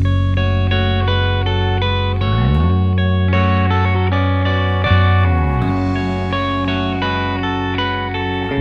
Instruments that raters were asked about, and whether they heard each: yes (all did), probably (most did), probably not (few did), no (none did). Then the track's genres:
guitar: yes
trumpet: no
Folk